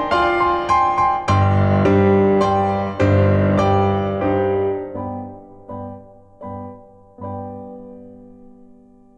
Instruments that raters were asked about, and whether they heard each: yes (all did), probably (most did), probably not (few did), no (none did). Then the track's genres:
drums: no
piano: yes
Soundtrack; Ambient Electronic; Unclassifiable